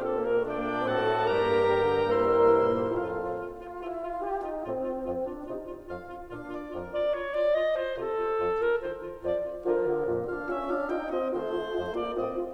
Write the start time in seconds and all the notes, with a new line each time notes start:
0.00 C4 A4
0.21 A#3 A#4
0.42 A3 D4 D5 G5
0.64 A#3
0.86 A2 C4 F#4 A4 F#5 A5
1.09 A3
1.31 G2 D4 G4 A#4 G5 A#5
1.52 A#3
1.70 G3
1.90 D3
2.11 A#3 E4 A#4 C5 E5 C6
2.35 G3
2.60 E3
2.79 A#2
3.00 F2 A2 F4 A4 F5
3.19 F4
3.42 F4
3.63 F4
3.83 E4 F4
4.04 F4
4.23 F4 G4
4.40 D#4 F4
4.63 A2 C4 F4
4.75 F4
4.97 F2 F4
5.21 D4 F4
5.43 C3 D#4 F4
5.65 F4
5.86 F2 F4 F5
6.05 F4
6.28 A#2 D4 F4 F5
6.51 F4 D5
6.72 F2 F4 A#4
6.94 F4 D5
7.11 F4 C#5
7.30 F4 D5
7.53 F4 D#5
7.73 F4 C5
7.95 C3 F4 A4
8.19 F4
8.38 F2 A4
8.63 F4 A#4
8.85 D#3 F4 C5
9.03 F4
9.22 F2 F3 F4 D5
9.42 F4
9.60 D3 F3 F4 A#4
9.80 D3 F4
10.02 F2 A#2 F4
10.25 D4 F4 F5
10.46 C#4 F4 E5
10.68 D4 F4 F5
10.86 D#4 F4 G5
11.05 C4 F4 D#5
11.23 D#3 A3 F4 C5
11.40 F4
11.66 F2 F4
11.87 A#3 F4 D5
12.11 A2 C4 F4 D#5
12.35 F4